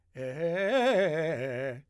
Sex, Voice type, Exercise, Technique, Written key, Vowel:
male, , arpeggios, fast/articulated forte, C major, e